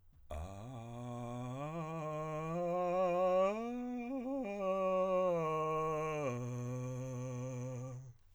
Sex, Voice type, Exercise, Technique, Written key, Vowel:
male, countertenor, arpeggios, vocal fry, , a